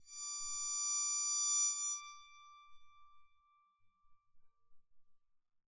<region> pitch_keycenter=86 lokey=86 hikey=87 volume=17.001384 offset=738 ampeg_attack=0.004000 ampeg_release=2.000000 sample=Chordophones/Zithers/Psaltery, Bowed and Plucked/LongBow/BowedPsaltery_D5_Main_LongBow_rr2.wav